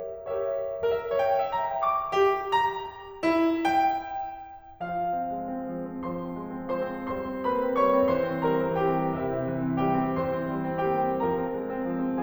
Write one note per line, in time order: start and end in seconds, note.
0.00 0.74 G4
0.00 0.74 A#4
0.00 0.74 C#5
0.00 0.74 E5
0.81 0.89 A#4
0.89 1.14 E5
1.14 1.22 C#5
1.22 1.45 G5
1.45 1.52 E5
1.53 1.75 A#5
1.75 1.82 G5
1.82 2.14 C#6
2.14 2.51 G4
2.51 2.79 A#5
3.24 3.65 E4
3.65 4.56 G5
4.91 5.10 F3
4.91 6.01 F4
4.91 6.01 F5
5.10 5.32 C4
5.32 5.48 G#3
5.48 5.63 C4
5.64 5.84 F3
5.84 6.01 C4
6.01 6.19 F3
6.01 6.72 C5
6.01 6.72 C6
6.20 6.41 C4
6.41 6.57 G#3
6.57 6.72 C4
6.73 6.98 F3
6.73 7.16 C5
6.73 7.16 C6
6.98 7.16 C4
7.16 7.33 G3
7.16 7.49 C5
7.16 7.49 C6
7.33 7.49 C4
7.49 7.63 A#3
7.49 7.79 B4
7.49 7.79 B5
7.63 7.79 C4
7.79 7.93 G3
7.79 8.12 C#5
7.79 8.12 C#6
7.94 8.12 C4
8.12 8.30 E3
8.12 8.44 C5
8.12 8.44 C6
8.30 8.44 C4
8.45 8.60 G3
8.45 8.75 A#4
8.45 8.75 A#5
8.60 8.75 C4
8.75 8.94 E3
8.75 9.17 G4
8.75 9.17 G5
8.95 9.17 C4
9.17 9.30 C3
9.17 9.76 E4
9.17 9.76 E5
9.30 9.47 C4
9.47 9.61 E3
9.62 9.76 C4
9.76 9.94 G3
9.76 10.18 G4
9.76 10.18 G5
9.94 10.18 C4
10.19 10.40 E3
10.19 10.90 C5
10.19 10.90 C6
10.40 10.60 C4
10.60 10.74 G3
10.75 10.90 C4
10.90 11.09 A#3
10.90 11.24 G4
10.90 11.24 G5
11.09 11.24 C4
11.24 11.40 F3
11.24 12.23 A#4
11.24 12.23 A#5
11.40 11.54 C4
11.54 11.68 G#3
11.68 11.84 C4
11.85 12.03 F3
12.03 12.23 C4